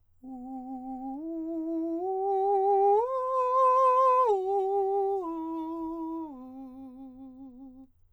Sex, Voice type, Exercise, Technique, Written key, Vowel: male, countertenor, arpeggios, vibrato, , u